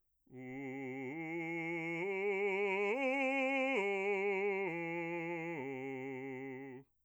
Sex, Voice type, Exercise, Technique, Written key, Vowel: male, bass, arpeggios, slow/legato forte, C major, u